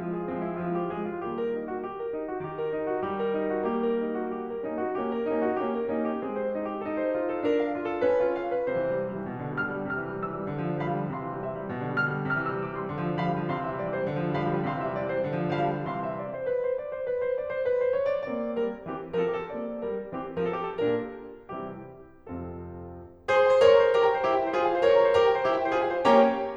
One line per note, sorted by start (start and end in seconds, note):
0.00 0.30 F3
0.00 0.30 G#3
0.00 0.14 F4
0.15 0.30 G#4
0.31 0.67 F3
0.31 0.67 G#3
0.31 0.48 C4
0.49 0.67 E4
0.68 0.96 F3
0.68 0.96 G#3
0.68 0.82 F4
0.84 0.96 G4
0.96 1.23 F3
0.96 1.23 G#3
0.96 1.09 G#4
1.09 1.23 F4
1.23 1.85 D#3
1.23 1.85 G3
1.23 1.85 A#3
1.23 1.37 G4
1.37 1.54 A#4
1.54 1.68 D#4
1.70 1.85 F#4
1.86 1.99 G4
2.00 2.14 A#4
2.16 2.29 D#4
2.30 2.45 F#4
2.46 4.64 D#3
2.46 2.58 G4
2.59 2.73 A#4
2.73 2.87 D#4
2.87 3.03 F#4
3.03 4.64 G3
3.03 3.18 G4
3.18 3.33 A#4
3.33 3.48 D#4
3.48 3.66 F#4
3.67 4.64 A#3
3.67 3.83 G4
3.84 4.01 A#4
4.03 4.19 D#4
4.21 4.37 F#4
4.38 4.50 G4
4.50 4.64 A#4
4.66 4.96 A#3
4.66 4.96 C#4
4.66 4.77 D#4
4.77 4.96 F#4
4.96 5.26 A#3
4.96 5.26 C#4
4.96 5.11 G4
5.11 5.26 A#4
5.26 5.51 A#3
5.26 5.51 C#4
5.26 5.40 D#4
5.40 5.51 F#4
5.53 5.87 A#3
5.53 5.87 C#4
5.53 5.65 G4
5.67 5.87 A#4
5.89 6.22 A#3
5.89 6.22 C#4
5.89 6.06 D#4
6.07 6.22 G4
6.23 6.83 G#3
6.23 6.83 C4
6.23 6.39 G#4
6.41 6.54 C5
6.55 6.69 D#4
6.69 6.83 G4
6.83 7.42 D#4
6.83 6.95 A4
6.95 7.13 C5
7.13 7.29 F4
7.29 7.42 A4
7.42 8.01 D4
7.42 7.56 A#4
7.57 7.69 F5
7.70 7.84 F4
7.85 8.01 A4
8.02 8.68 C#4
8.02 8.19 B4
8.20 8.35 G4
8.36 8.52 F5
8.53 8.68 B4
8.68 9.30 C3
8.68 9.30 C5
8.80 8.90 E3
8.92 9.00 G3
9.00 9.09 E3
9.10 9.20 G3
9.20 9.30 E3
9.30 9.91 B2
9.42 9.52 D3
9.52 9.64 G3
9.65 9.74 D3
9.65 9.91 F6
9.75 9.82 G3
9.82 9.91 D3
9.93 10.51 C3
9.93 10.25 F6
10.03 10.12 E3
10.14 10.25 G3
10.26 10.34 E3
10.26 10.51 E6
10.34 10.44 G3
10.44 10.51 E3
10.51 11.11 D3
10.62 10.70 F3
10.72 10.81 G3
10.81 10.89 F3
10.81 11.11 F5
10.81 11.11 B5
10.90 10.98 G3
10.99 11.11 F3
11.11 11.71 C3
11.11 11.45 F5
11.11 11.71 C6
11.24 11.35 E3
11.35 11.45 G3
11.46 11.54 E3
11.46 11.71 E5
11.55 11.62 G3
11.62 11.71 E3
11.73 12.28 B2
11.81 11.88 D3
11.88 11.97 G3
11.98 12.10 D3
11.98 12.28 F6
12.10 12.17 G3
12.18 12.28 D3
12.29 12.90 C3
12.29 12.45 F6
12.40 12.49 E3
12.45 12.60 E6
12.50 12.60 G3
12.60 12.69 E3
12.60 12.76 D6
12.70 12.81 G3
12.76 12.90 C6
12.82 12.90 E3
12.90 13.47 D3
12.99 13.07 F3
13.07 13.19 G3
13.20 13.27 F3
13.20 13.47 F5
13.20 13.47 B5
13.28 13.37 G3
13.37 13.47 F3
13.48 14.09 C3
13.48 13.64 F5
13.48 14.09 C6
13.58 13.70 E3
13.65 13.82 E5
13.70 13.82 G3
13.83 13.91 E3
13.83 13.98 D5
13.91 14.02 G3
13.99 14.09 C5
14.04 14.09 E3
14.11 14.68 D3
14.20 14.29 F3
14.30 14.40 G3
14.40 14.48 F3
14.40 14.68 F5
14.40 14.68 B5
14.49 14.58 G3
14.59 14.68 F3
14.68 15.23 C3
14.68 14.83 F5
14.68 15.23 C6
14.79 14.87 E3
14.79 14.94 E5
14.87 14.94 G3
14.94 15.03 E3
14.94 15.08 D5
15.05 15.14 G3
15.09 15.23 C5
15.14 15.23 E3
15.24 15.86 D3
15.35 15.44 F3
15.44 15.53 G3
15.55 15.66 F3
15.55 15.86 F5
15.55 15.86 B5
15.66 15.75 G3
15.77 15.86 F3
15.87 16.49 C3
15.87 16.49 E3
15.87 16.49 G3
15.87 16.03 F5
15.87 16.49 C6
16.04 16.20 E5
16.20 16.35 D5
16.35 16.49 C5
16.49 16.59 B4
16.59 16.74 C5
16.74 16.89 D5
16.90 17.06 C5
17.07 17.22 B4
17.23 17.37 C5
17.37 17.51 D5
17.52 17.68 C5
17.68 17.82 B4
17.83 17.98 C5
18.00 18.12 C#5
18.12 18.26 D5
18.26 18.54 A#3
18.26 18.83 C4
18.26 18.54 D5
18.55 18.83 G3
18.55 18.83 A#4
18.84 19.16 E3
18.84 19.16 C4
18.84 19.16 G4
19.16 19.47 F3
19.16 19.47 C4
19.16 19.31 A#4
19.26 19.38 A4
19.31 19.47 G4
19.39 19.47 A4
19.47 19.81 A#3
19.47 20.12 C4
19.47 19.81 D5
19.82 20.12 G3
19.82 20.12 A#4
20.13 20.40 E3
20.13 20.40 C4
20.13 20.40 G4
20.40 20.79 F3
20.40 20.79 C4
20.40 20.56 A#4
20.49 20.70 A4
20.58 20.79 G4
20.71 20.79 A4
20.82 21.20 A#2
20.82 21.20 A#3
20.82 21.20 D4
20.82 21.20 G4
20.82 21.20 A#4
21.52 21.86 C3
21.52 21.86 E3
21.52 21.86 G3
21.52 21.86 C4
21.52 21.86 E4
21.52 21.86 G4
22.21 22.88 F2
22.21 22.88 C3
22.21 22.88 F3
22.21 22.88 C4
22.21 22.88 F4
22.21 22.88 A4
23.23 23.63 G#4
23.23 23.63 C5
23.29 23.43 C6
23.36 23.63 G#5
23.43 23.73 C5
23.64 23.94 A#4
23.64 23.94 C#5
23.73 23.87 C#6
23.80 23.94 A#5
23.87 24.02 C5
23.95 24.23 G4
23.95 24.23 A#4
24.02 24.17 A#5
24.10 24.23 G5
24.17 24.30 C5
24.24 24.54 E4
24.24 24.54 G4
24.31 24.46 G5
24.39 24.54 E5
24.47 24.61 C5
24.54 24.85 F4
24.54 24.85 G#4
24.62 24.75 G#5
24.68 24.85 F5
24.76 24.92 C5
24.85 25.17 A#4
24.85 25.17 C#5
24.92 25.07 C#6
24.98 25.17 A#5
25.08 25.24 C5
25.17 25.44 G4
25.17 25.44 A#4
25.25 25.40 A#5
25.34 25.44 G5
25.40 25.52 C5
25.45 25.72 E4
25.45 25.72 G4
25.52 25.67 G5
25.60 25.72 E5
25.67 25.77 C5
25.73 26.03 F4
25.73 26.03 G#4
25.77 25.93 G#5
25.86 26.03 F5
25.93 26.03 C5
26.04 26.40 A#3
26.04 26.40 C#4
26.04 26.40 G4
26.04 26.40 C#5
26.04 26.40 G5
26.04 26.40 A#5